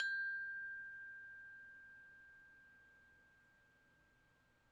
<region> pitch_keycenter=79 lokey=79 hikey=80 tune=-32 volume=19.462233 lovel=0 hivel=65 ampeg_attack=0.004000 ampeg_release=30.000000 sample=Idiophones/Struck Idiophones/Tubular Glockenspiel/G0_quiet1.wav